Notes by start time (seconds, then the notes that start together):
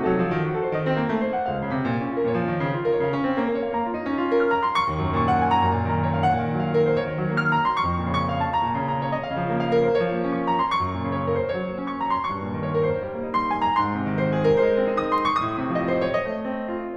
0.00 C3 F#4
0.09 F#3 A4
0.22 F3
0.33 D#3
0.46 F#4
0.58 A4
0.73 D#3 A#4
0.87 C4 D#5
1.01 A#3
1.11 A3
1.23 C5
1.34 F#5
1.51 C#2 F5
1.63 C#3
1.78 C3
1.89 A#2
2.01 C#4
2.12 F4
2.25 A#2 A#4
2.36 F3 C#5
2.47 D#3
2.61 C#3
2.74 F4
2.87 A#4
3.02 C#3 C#5
3.16 C#4 F5
3.25 C4
3.34 A#3
3.51 A#4
3.60 C#5
3.74 A#3 F5
3.84 F4 A#5
3.95 D#4
4.05 C#4
4.19 F4
4.31 A#4
4.42 F6
4.57 A#5
4.69 C6
4.81 C#6
4.91 D#2
5.06 F#2
5.21 A#2 C#6
5.32 F#5
5.41 G#5
5.53 A#5
5.64 F#2
5.79 A#2
5.92 D#3 A#5
6.08 C#5
6.20 F5
6.28 F#5
6.37 A#2
6.47 D#3
6.57 F#3 F#5
6.73 A#4
6.90 C5
7.00 C#5
7.08 D#3
7.20 F#3
7.37 A#3 F6
7.50 A#5
7.64 C6
7.80 C#6
7.92 F2
8.07 A#2
8.20 C#3 C#6
8.29 F5
8.37 A5
8.53 A#5
8.67 A#2
8.81 C#3
8.97 F3 A#5
9.06 C#5
9.21 D#5
9.26 F5
9.39 C#3
9.52 F3
9.67 A#3 F5
9.82 A#4
9.94 C5
9.98 C#5
10.08 F3
10.21 A#3
10.34 C#4 C#6
10.47 A#5
10.58 C6
10.68 C#6
10.83 F#2
11.01 A#2
11.12 C#3 C#5
11.27 A#4
11.40 C5
11.51 C#5
11.59 F#3
11.76 A#3
11.87 C#4 C#6
11.99 A#5
12.12 C6
12.23 C#6
12.36 G2
12.47 A#2
12.63 C#3 C#5
12.76 A#4
12.92 C5
13.00 C#5
13.12 G3
13.21 A#3
13.35 D#4 C6
13.50 G#5
13.63 A#5
13.77 C6
13.91 G#2
14.06 C3
14.20 D#3 C5
14.36 G#4
14.51 A#4
14.69 C5
14.81 A3
14.95 C4
15.07 D#4 D#6
15.14 C6
15.23 C#6
15.35 D#6
15.48 A2
15.60 C3
15.75 F3 D#5
15.93 C5
16.10 C#5
16.22 D#5
16.38 A3
16.56 C4
16.79 F4